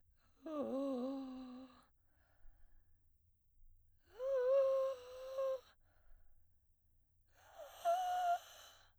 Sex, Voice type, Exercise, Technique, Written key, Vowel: female, soprano, long tones, inhaled singing, , o